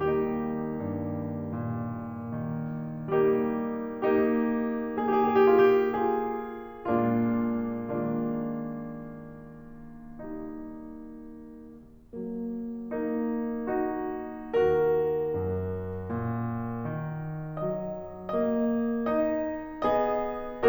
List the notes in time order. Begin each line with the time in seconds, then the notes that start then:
0.00 D#2 G3 A#3 D#4 G4
0.82 G2
1.56 A#2
2.43 D#3
3.15 G3 A#3 D#4 G4
4.08 A#3 D#4 G4
4.92 A#3 D#4 G4
5.05 G#4
5.12 G4
5.18 G#4
5.26 G4
5.33 G#4
5.41 F4
5.47 G4
5.53 F4 G#4
6.87 A#2 G#3 A#3 D4 F4
7.69 D#3 G#3 A#3 D4 F4
10.27 D#3 G3 A#3 D#4
12.12 F#3 A#3
12.96 A#3 D#4
13.68 D#4 F#4
14.66 D#2 F#4 A#4
15.43 F#2
16.09 A#2
16.94 D#3
17.60 F#3 D#5
18.37 A#3 D#5
19.08 D#4 D#5
19.82 B3 G#4 D#5